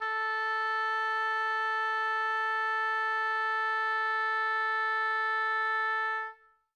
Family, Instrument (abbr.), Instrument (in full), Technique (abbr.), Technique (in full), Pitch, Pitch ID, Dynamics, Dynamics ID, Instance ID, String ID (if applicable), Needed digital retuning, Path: Winds, Ob, Oboe, ord, ordinario, A4, 69, mf, 2, 0, , FALSE, Winds/Oboe/ordinario/Ob-ord-A4-mf-N-N.wav